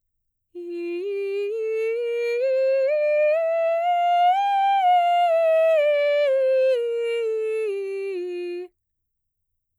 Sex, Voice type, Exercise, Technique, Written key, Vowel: female, mezzo-soprano, scales, slow/legato piano, F major, i